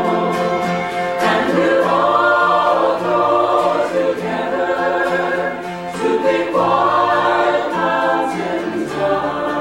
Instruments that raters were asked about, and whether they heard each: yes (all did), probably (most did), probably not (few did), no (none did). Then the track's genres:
guitar: yes
voice: yes
saxophone: no
Celtic; Choral Music